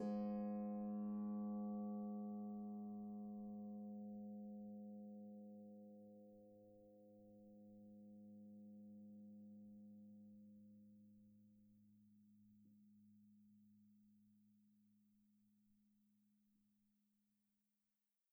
<region> pitch_keycenter=44 lokey=44 hikey=45 tune=-1 volume=24.189832 xfout_lovel=70 xfout_hivel=100 ampeg_attack=0.004000 ampeg_release=30.000000 sample=Chordophones/Composite Chordophones/Folk Harp/Harp_Normal_G#1_v2_RR1.wav